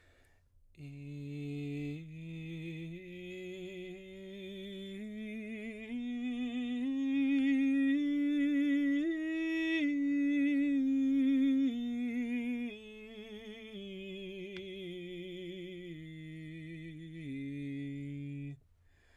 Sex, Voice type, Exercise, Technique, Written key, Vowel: male, baritone, scales, slow/legato piano, C major, i